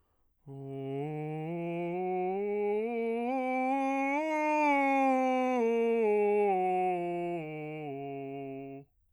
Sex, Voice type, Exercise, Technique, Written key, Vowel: male, bass, scales, breathy, , o